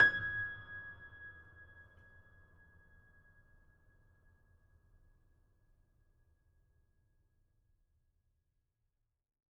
<region> pitch_keycenter=92 lokey=92 hikey=93 volume=1.966052 lovel=66 hivel=99 locc64=65 hicc64=127 ampeg_attack=0.004000 ampeg_release=0.400000 sample=Chordophones/Zithers/Grand Piano, Steinway B/Sus/Piano_Sus_Close_G#6_vl3_rr1.wav